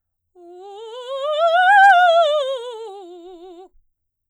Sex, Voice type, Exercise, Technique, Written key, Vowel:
female, soprano, scales, fast/articulated forte, F major, u